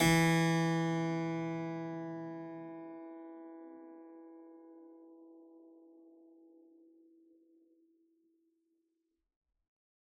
<region> pitch_keycenter=52 lokey=52 hikey=52 volume=0.951532 trigger=attack ampeg_attack=0.004000 ampeg_release=0.400000 amp_veltrack=0 sample=Chordophones/Zithers/Harpsichord, Unk/Sustains/Harpsi4_Sus_Main_E2_rr1.wav